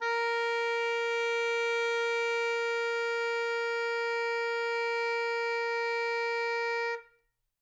<region> pitch_keycenter=70 lokey=70 hikey=71 volume=14.924914 lovel=84 hivel=127 ampeg_attack=0.004000 ampeg_release=0.500000 sample=Aerophones/Reed Aerophones/Tenor Saxophone/Non-Vibrato/Tenor_NV_Main_A#3_vl3_rr1.wav